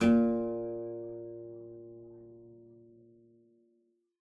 <region> pitch_keycenter=46 lokey=46 hikey=48 volume=-4.643962 offset=44 trigger=attack ampeg_attack=0.004000 ampeg_release=0.350000 amp_veltrack=0 sample=Chordophones/Zithers/Harpsichord, English/Sustains/Lute/ZuckermannKitHarpsi_Lute_Sus_A#1_rr1.wav